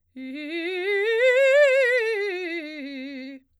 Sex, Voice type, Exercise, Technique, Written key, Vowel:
female, soprano, scales, fast/articulated piano, C major, i